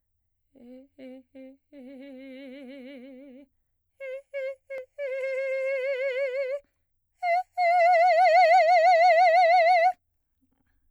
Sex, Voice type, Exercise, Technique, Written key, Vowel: female, soprano, long tones, trillo (goat tone), , e